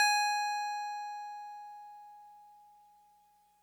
<region> pitch_keycenter=92 lokey=91 hikey=94 volume=11.616261 lovel=66 hivel=99 ampeg_attack=0.004000 ampeg_release=0.100000 sample=Electrophones/TX81Z/FM Piano/FMPiano_G#5_vl2.wav